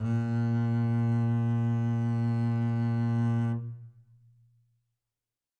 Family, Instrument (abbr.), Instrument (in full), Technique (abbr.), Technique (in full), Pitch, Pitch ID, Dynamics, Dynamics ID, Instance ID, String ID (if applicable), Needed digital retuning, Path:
Strings, Cb, Contrabass, ord, ordinario, A#2, 46, mf, 2, 1, 2, TRUE, Strings/Contrabass/ordinario/Cb-ord-A#2-mf-2c-T13u.wav